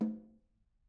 <region> pitch_keycenter=60 lokey=60 hikey=60 volume=24.166159 offset=196 lovel=0 hivel=54 seq_position=1 seq_length=2 ampeg_attack=0.004000 ampeg_release=15.000000 sample=Membranophones/Struck Membranophones/Snare Drum, Modern 1/Snare2_HitNS_v2_rr1_Mid.wav